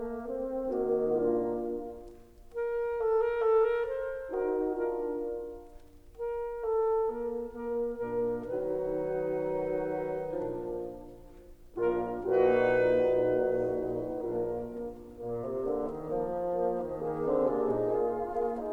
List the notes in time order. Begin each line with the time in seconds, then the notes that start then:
0.00 A#3
0.24 C4
0.72 D#3 A#3 D#4 F#4
1.22 A#2 A#3 D4 F4
2.55 A#4
3.00 A4
3.22 A#4
3.42 A4
3.61 A#4
3.89 C5
4.37 D#4 F#4 A#4
4.92 D4 F4 A#4
6.19 A#4
6.65 A4
7.09 A#3 A#4
7.62 A#3 A#4
8.08 A#2 A#3 D4 A#4
8.53 D#3 F#3 D#4 B4
10.43 A#2 F3 D4 A#4
11.78 A#1 A#2 A#3 D4 F4 A#4
12.21 A#1 A#2 D#4 F#4 B4
14.27 A#1 A#2 A#3 D4 F4 A#4
14.72 A#3
15.19 A#2 A#3
15.39 C3
15.64 D3 A#3
15.87 D#3
16.09 F3 A#3
16.58 A#3
16.85 D#3
17.07 D#3 A#3 G#4
17.29 D3 C4
17.47 C3 A#3 D4 G#4
17.69 A#2 D#4
17.93 A#3 F4 G#4
18.30 A#3 G#4
18.53 D#4